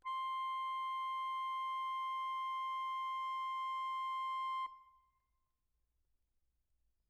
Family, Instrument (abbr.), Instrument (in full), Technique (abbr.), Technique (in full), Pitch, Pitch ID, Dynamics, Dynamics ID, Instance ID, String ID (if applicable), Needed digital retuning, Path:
Keyboards, Acc, Accordion, ord, ordinario, C6, 84, mf, 2, 0, , FALSE, Keyboards/Accordion/ordinario/Acc-ord-C6-mf-N-N.wav